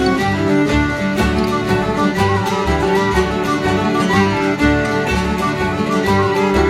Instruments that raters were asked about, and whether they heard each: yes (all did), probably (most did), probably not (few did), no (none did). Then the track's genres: mandolin: probably not
banjo: probably
International; Celtic